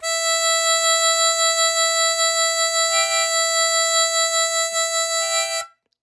<region> pitch_keycenter=76 lokey=75 hikey=77 volume=4.126783 trigger=attack ampeg_attack=0.004000 ampeg_release=0.100000 sample=Aerophones/Free Aerophones/Harmonica-Hohner-Super64/Sustains/Vib/Hohner-Super64_Vib_E4.wav